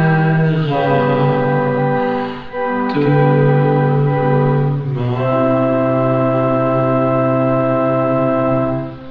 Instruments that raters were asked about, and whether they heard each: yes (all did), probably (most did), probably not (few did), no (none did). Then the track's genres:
organ: yes
Experimental; No Wave; Freak-Folk